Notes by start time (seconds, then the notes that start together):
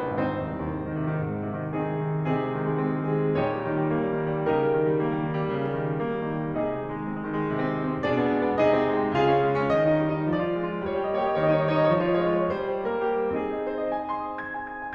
0.01 G#1 C4 D#4 C5
0.28 D#2
0.34 C2
0.57 D#2
0.74 G#2
0.86 D#3
0.98 C3
1.08 D#3
1.20 G#2
1.36 D#3
1.54 C3
1.66 D#3
1.79 G#3 C4 D#4 G#4
1.92 D#3
2.05 C3
2.18 D#3
2.30 C3 A#3 D#4 G#4
2.44 G#3
2.57 D#3
2.67 G#3
2.82 C4
3.01 G#3
3.15 D#3 G#4
3.26 G#3
3.40 A#2 D#4 G4 C#5
3.53 G3
3.65 D#3
3.80 G3
3.95 A#3
4.17 G3
4.30 D#3
4.42 G3
4.54 C#3 D#4 G4 A#4
4.66 G3
4.83 D#3
4.98 G3
5.11 A#3
5.25 G3
5.38 D#3
5.49 G3
5.61 C#3
5.75 G3
5.84 D#3
5.96 G3
6.07 A#3
6.19 G3
6.30 D#3
6.41 G3
6.52 C3 D#4 G#4 D#5
6.64 G#3
6.80 D#3
6.93 G#3
7.05 C4
7.26 G#3
7.38 D#3
7.50 G#3
7.60 C3
7.73 C4
7.84 G#3
7.96 C4
8.09 B2 D4 G#4 D5
8.19 B3
8.34 G#3
8.45 B3
8.59 C3 D#4 G#4 D#5
8.72 C4
8.87 G#3
8.99 C4
9.17 C#3 F4 G#4 F5
9.36 C#4
9.47 G#3
9.57 C#4
9.74 D#3 D#5
9.94 D#4
10.07 G3
10.19 D#4
10.33 F3 D5
10.44 F4
10.59 G#3
10.74 F4
10.87 G3 C#5
10.92 D#5
11.01 G4 C#5
11.11 D#5
11.23 A#3 C#5
11.28 D#5
11.37 G4 C#5
11.42 D#5
11.48 D#3 C#5
11.54 D#5
11.60 D#4 C#5
11.67 D#5
11.71 G3 C#5
11.76 D#5
11.83 D#4 C#5
11.90 D#5
11.99 F3 C#5
12.05 D#5
12.14 F4 C#5
12.21 D#5
12.28 G#3 C#5
12.34 D#5
12.39 F4 C#5
12.46 D#5
12.55 G3 C5
12.74 G4
12.91 A#3 A#4
13.13 G4
13.36 C4 D#4 G#4
13.50 D#5
13.62 C5
13.75 D#5
13.90 G#5
14.01 D#6
14.13 C6
14.27 D#6
14.38 G#6
14.49 G#5
14.70 G#6
14.83 G#5